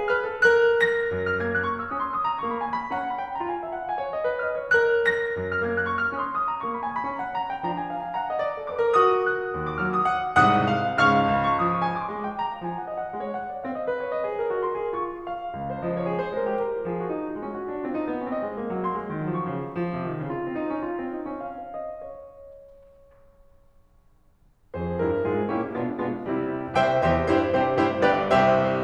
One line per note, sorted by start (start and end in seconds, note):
0.00 0.14 G#4
0.14 0.30 B4
0.14 0.43 F6
0.30 0.43 A4
0.43 0.82 A#4
0.43 0.82 F#6
0.85 1.78 A#6
1.14 1.67 F#2
1.29 1.78 F6
1.40 1.67 A#3
1.40 1.78 G#6
1.53 1.78 F#6
1.67 1.78 C#6
1.79 1.89 F6
1.89 2.10 C#4
1.89 2.01 D#6
2.01 2.10 C6
2.10 2.24 D#6
2.24 2.43 A#5
2.43 2.71 A#3
2.43 2.53 C#6
2.53 2.71 B5
2.72 2.84 G#5
2.84 2.96 B5
2.96 3.20 C#4
2.96 3.08 A#5
3.08 3.20 F#5
3.20 3.27 B5
3.27 3.40 G5
3.40 3.65 F4
3.40 3.53 A#5
3.54 3.65 G#5
3.65 3.80 E5
3.80 3.92 F#5
3.92 4.03 F5
3.92 4.13 G#5
4.03 4.13 C#5
4.13 4.31 D#5
4.31 4.44 B4
4.45 4.60 D#5
4.45 4.76 F6
4.60 4.76 C#5
4.76 5.13 A#4
4.76 5.13 F#6
5.13 5.91 A#6
5.39 5.91 F#2
5.51 5.91 F6
5.62 5.91 A#3
5.62 5.91 G#6
5.79 5.91 F#6
5.91 6.03 C#6
6.03 6.14 F6
6.14 6.40 C#4
6.14 6.28 D#6
6.28 6.40 C6
6.41 6.51 D#6
6.51 6.63 A#5
6.63 6.85 A#3
6.63 6.73 C#6
6.73 6.85 B5
6.85 6.97 G#5
6.97 7.07 B5
7.07 7.36 C#4
7.07 7.22 A#5
7.23 7.36 F#5
7.36 7.50 A#5
7.50 7.67 G5
7.67 7.89 F3
7.67 7.89 D4
7.67 7.79 A#5
7.79 7.89 G#5
7.89 8.05 F5
8.05 8.19 G#5
8.20 8.29 F#5
8.20 8.42 A#5
8.29 8.42 D#5
8.42 8.54 D5
8.54 8.66 G#4
8.66 8.84 B4
8.66 8.99 D6
8.84 8.99 A#4
8.99 9.26 F#4
8.99 9.26 D#6
9.26 10.03 F#6
9.57 10.03 D#2
9.68 10.03 C#6
9.79 10.03 F#3
9.79 10.03 F6
9.91 10.03 D#6
10.04 10.37 F#5
10.37 10.68 C2
10.37 10.68 G#2
10.37 11.02 C3
10.37 11.02 F#5
10.37 11.02 D#6
10.37 11.02 F#6
10.69 11.02 F5
11.03 11.38 C#2
11.03 11.38 G#2
11.03 11.38 C#3
11.03 11.38 F5
11.03 11.38 C#6
11.03 11.96 F6
11.38 11.61 C#2
11.49 11.96 C6
11.62 11.84 F3
11.62 11.96 D#6
11.73 11.96 C#6
11.85 11.96 G#5
11.96 12.09 C6
12.09 12.35 G#3
12.09 12.19 A#5
12.19 12.35 G5
12.35 12.52 A#5
12.53 12.67 F5
12.67 12.92 F3
12.67 12.79 G#5
12.81 12.92 F#5
12.92 13.03 D#5
13.03 13.13 F#5
13.13 13.40 G#3
13.13 13.24 F5
13.24 13.40 C#5
13.41 13.53 F#5
13.53 13.65 D5
13.68 13.94 C4
13.68 13.78 F5
13.78 13.94 D#5
13.94 14.06 B4
14.06 14.20 C#5
14.20 14.30 C5
14.20 14.42 D#5
14.32 14.42 G#4
14.42 14.51 A#4
14.52 14.65 F#4
14.65 14.80 A#4
14.65 14.93 C6
14.80 14.93 G#4
14.93 15.19 D#4
14.93 15.19 C#6
15.19 16.09 F5
15.56 16.09 C#2
15.69 16.09 C5
15.84 16.09 F3
15.84 16.09 D#5
15.95 16.09 C#5
16.09 16.21 G#4
16.21 16.32 C5
16.32 16.58 G#3
16.32 16.44 A#4
16.45 16.58 G4
16.58 16.75 A#4
16.75 16.88 F4
16.88 17.12 F3
16.88 17.01 G#4
17.01 17.12 F#4
17.12 17.25 D#4
17.25 17.36 F#4
17.37 17.58 G#3
17.37 17.46 F4
17.46 17.58 C#4
17.58 17.72 F#4
17.72 17.83 C#4
17.83 18.04 C4
17.83 17.95 F4
17.95 18.04 D#4
18.04 18.13 B3
18.16 18.29 C#4
18.29 18.45 C4
18.29 18.55 D#5
18.45 18.55 G#3
18.55 18.72 A#3
18.72 18.83 F#3
18.83 18.97 A#3
18.83 19.10 C6
18.97 19.10 G#3
19.11 19.25 D#3
19.25 19.40 F#3
19.40 19.53 F3
19.40 19.69 C#6
19.53 19.69 C#3
19.69 19.93 F3
19.95 20.10 C3
20.10 20.21 D#3
20.21 20.33 C#3
20.33 20.47 F4
20.47 20.58 C4
20.58 20.67 D#4
20.68 20.81 C#4
20.82 21.04 F4
21.04 21.18 C4
21.18 21.29 D#4
21.29 21.48 C#4
21.48 21.62 F5
21.62 21.78 C5
21.78 21.95 D#5
21.95 23.13 C#5
24.78 25.02 F2
24.78 25.02 F3
24.78 25.02 G#4
24.78 25.02 C5
25.02 25.29 G2
25.02 25.29 G3
25.02 25.29 E4
25.02 25.29 A#4
25.29 25.52 G#2
25.29 25.52 G#3
25.29 25.52 F4
25.29 25.52 G#4
25.53 25.79 A#2
25.53 25.79 A#3
25.53 25.79 C#4
25.53 25.79 E4
25.53 25.79 G4
25.79 26.02 B2
25.79 26.02 G#3
25.79 26.02 B3
25.79 26.02 D4
25.79 26.02 F4
26.02 26.26 B2
26.02 26.26 G#3
26.02 26.26 B3
26.02 26.26 D4
26.02 26.26 F4
26.26 26.78 C3
26.26 26.78 G3
26.26 26.78 C4
26.26 26.78 E4
26.78 27.09 C2
26.78 27.09 C3
26.78 27.09 C5
26.78 27.09 E5
26.78 27.09 G5
27.09 27.32 E2
27.09 27.32 E3
27.09 27.32 G4
27.09 27.32 C5
27.09 27.32 E5
27.38 27.62 G2
27.38 27.62 G3
27.38 27.62 E4
27.38 27.62 G4
27.38 27.62 C5
27.62 27.86 C3
27.62 27.86 C4
27.62 27.86 E4
27.62 27.86 G4
27.62 27.86 C5
27.86 28.08 G2
27.86 28.08 G3
27.86 28.08 E4
27.86 28.08 G4
27.86 28.08 C5
28.08 28.29 G1
28.08 28.29 G2
28.08 28.29 G4
28.08 28.29 B4
28.08 28.29 D5
28.29 28.84 C2
28.29 28.84 C3
28.29 28.84 G4
28.29 28.84 C5
28.29 28.84 E5